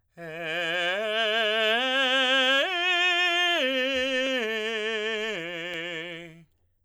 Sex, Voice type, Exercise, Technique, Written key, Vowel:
male, tenor, arpeggios, slow/legato forte, F major, e